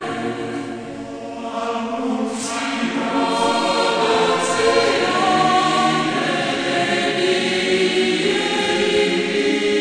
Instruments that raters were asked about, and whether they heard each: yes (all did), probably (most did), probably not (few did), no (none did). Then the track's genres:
mandolin: no
cymbals: probably not
bass: no
voice: yes
Classical